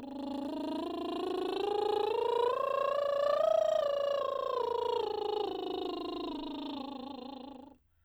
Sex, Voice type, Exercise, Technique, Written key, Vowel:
female, soprano, scales, lip trill, , o